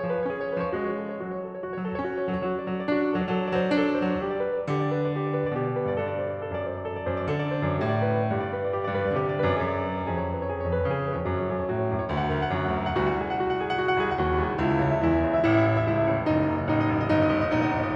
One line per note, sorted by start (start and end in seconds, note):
0.00 0.24 F3
0.00 0.24 B4
0.15 0.34 C#5
0.24 0.70 C#4
0.24 0.43 G#4
0.35 0.52 C#5
0.44 0.70 B4
0.57 0.79 F3
0.57 0.79 C#5
0.71 1.29 G#3
0.71 1.10 F#4
0.80 1.20 C#5
1.10 1.29 A4
1.20 1.38 C#5
1.29 1.85 F#3
1.29 1.49 F#4
1.38 1.57 C#5
1.49 1.66 A4
1.57 1.75 C#5
1.66 1.85 F#4
1.75 1.93 C#5
1.86 2.01 F#3
1.86 2.01 A4
1.93 2.11 C#5
2.02 2.41 C#4
2.02 2.21 F#4
2.12 2.31 C#5
2.22 2.41 A4
2.31 2.41 F#3
2.31 2.55 C#5
2.41 2.65 F#3
2.41 2.65 F#4
2.55 2.75 D5
2.65 2.84 F#3
2.65 2.84 A4
2.75 2.93 D5
2.84 3.22 D4
2.84 3.03 F#4
2.94 3.11 D5
3.03 3.22 A4
3.11 3.22 F#3
3.11 3.32 D5
3.23 3.41 F#3
3.23 3.41 A4
3.32 3.51 D5
3.41 3.61 F#3
3.41 3.61 C5
3.51 3.72 D5
3.61 4.20 D4
3.61 3.85 A4
3.72 4.01 D5
3.87 4.20 C5
4.01 4.20 F#3
4.01 4.32 D5
4.20 4.66 G3
4.20 4.45 G4
4.32 4.55 D5
4.45 4.66 B4
4.55 4.76 D5
4.66 5.53 D3
4.66 4.85 G4
4.77 4.97 D5
4.86 5.11 B4
4.98 5.21 D5
5.12 5.31 G4
5.21 5.40 D5
5.31 5.53 B4
5.40 5.62 D5
5.53 5.94 B2
5.53 5.71 G4
5.62 5.82 D5
5.71 5.94 B4
5.82 5.94 G2
5.82 6.05 D5
5.94 6.36 G2
5.94 6.15 A4
6.05 6.26 D5
6.16 6.36 C5
6.27 6.50 D5
6.37 7.06 F#2
6.37 6.61 A4
6.51 6.71 D5
6.62 6.83 C5
6.71 6.94 D5
6.83 7.06 A4
6.94 7.17 D5
7.06 7.29 F#2
7.06 7.29 C5
7.17 7.40 D5
7.29 7.77 D3
7.29 7.52 A4
7.40 7.63 D5
7.52 7.77 C5
7.64 7.92 F#2
7.64 7.92 D5
7.81 8.29 A2
7.81 8.06 G4
7.94 8.17 D5
8.08 8.29 B4
8.19 8.42 D5
8.29 8.99 G2
8.29 8.54 G4
8.42 8.67 D5
8.54 8.79 B4
8.67 8.88 D5
8.79 8.99 G4
8.88 9.07 D5
8.99 9.16 G2
8.99 9.16 B4
9.07 9.25 D5
9.16 9.53 D3
9.16 9.35 G4
9.26 9.43 D5
9.36 9.53 B4
9.44 9.53 F#2
9.44 9.68 D5
9.58 10.07 F#2
9.58 9.87 G#4
9.68 9.96 D5
9.87 10.07 B4
9.97 10.17 D5
10.07 10.67 F2
10.07 10.25 G#4
10.17 10.37 C#5
10.26 10.46 B4
10.37 10.57 C#5
10.46 10.67 G#4
10.57 10.80 C#5
10.67 10.89 F2
10.67 10.89 B4
10.81 10.98 C#5
10.89 11.28 C#3
10.89 11.10 G#4
10.99 11.18 C#5
11.10 11.28 B4
11.19 11.38 F2
11.19 11.38 C#5
11.28 11.48 F#2
11.28 11.48 F#4
11.39 11.58 C#5
11.48 11.67 F#2
11.48 11.67 A4
11.58 11.74 C#5
11.67 11.83 A2
11.67 11.83 F#4
11.75 11.95 C#5
11.83 12.06 F#2
11.83 12.06 A4
11.95 12.19 C#5
12.07 12.31 D2
12.07 12.31 F#4
12.20 12.42 F#5
12.31 12.49 D2
12.31 12.49 A4
12.42 12.60 F#5
12.50 12.76 F#2
12.50 12.76 F#4
12.61 12.89 F#5
12.76 12.99 D2
12.76 12.99 A4
12.89 13.11 F#5
13.00 14.00 C2
13.00 13.21 F#4
13.11 13.32 F#5
13.21 13.43 G#4
13.21 13.43 D#5
13.33 13.53 F#5
13.43 13.62 F#4
13.53 13.72 F#5
13.63 13.80 G#4
13.63 13.80 D#5
13.72 13.90 F#5
13.80 14.00 F#4
13.91 14.08 F#5
14.00 14.20 C2
14.00 14.20 G#4
14.00 14.20 D#5
14.08 14.34 F#5
14.21 14.44 D#2
14.21 14.44 F#4
14.34 14.54 F#5
14.44 14.62 C2
14.44 14.62 G#4
14.44 14.62 D#5
14.55 14.70 F#5
14.62 14.81 C#2
14.62 14.81 E4
14.70 14.92 E5
14.83 15.01 C#2
14.83 15.01 C#5
14.92 15.14 E5
15.01 15.24 E2
15.01 15.24 E4
15.15 15.36 E5
15.24 15.44 C#2
15.24 15.44 C#5
15.36 15.53 E5
15.45 15.62 A1
15.45 15.62 E4
15.53 15.70 E5
15.62 15.81 A1
15.62 15.81 C#5
15.71 15.91 E5
15.81 15.99 C#2
15.81 15.99 E4
15.91 16.09 E5
16.00 16.22 A1
16.00 16.22 C#5
16.09 16.34 E5
16.22 16.42 F#1
16.22 16.42 D#4
16.34 16.51 D#5
16.43 16.60 F#1
16.43 16.60 C#5
16.51 16.70 D#5
16.60 16.80 A1
16.60 16.80 D#4
16.70 16.88 D#5
16.80 17.01 F#1
16.80 17.01 C#5
16.90 17.12 D#5
17.01 17.23 G1
17.01 17.23 D#4
17.12 17.32 D#5
17.23 17.45 G1
17.23 17.45 C#5
17.32 17.58 D#5
17.45 17.69 A#1
17.45 17.69 D#4
17.58 17.83 D#5
17.69 17.96 G1
17.69 17.96 C#5